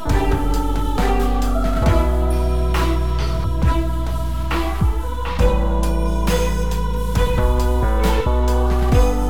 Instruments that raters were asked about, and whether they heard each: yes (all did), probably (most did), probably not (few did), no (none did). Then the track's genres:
voice: probably not
Electronic